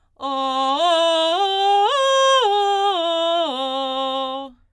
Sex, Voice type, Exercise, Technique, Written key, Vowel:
female, soprano, arpeggios, belt, , o